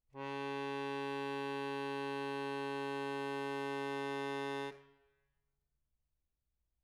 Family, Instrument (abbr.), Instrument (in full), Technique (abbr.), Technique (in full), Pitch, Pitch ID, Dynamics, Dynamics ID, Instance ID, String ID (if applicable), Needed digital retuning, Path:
Keyboards, Acc, Accordion, ord, ordinario, C#3, 49, mf, 2, 1, , FALSE, Keyboards/Accordion/ordinario/Acc-ord-C#3-mf-alt1-N.wav